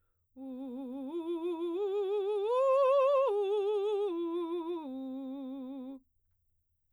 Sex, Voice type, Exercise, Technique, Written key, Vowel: female, soprano, arpeggios, vibrato, , u